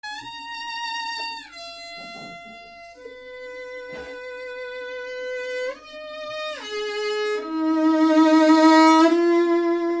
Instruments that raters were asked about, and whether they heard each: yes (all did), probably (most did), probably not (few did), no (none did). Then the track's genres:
drums: no
accordion: no
voice: no
violin: yes
cello: probably
Avant-Garde; Soundtrack; Noise; Psych-Folk; Experimental; Free-Jazz; Freak-Folk; Unclassifiable; Musique Concrete; Improv; Sound Art; Contemporary Classical; Instrumental